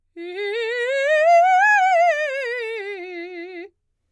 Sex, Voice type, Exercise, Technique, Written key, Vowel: female, soprano, scales, fast/articulated piano, F major, i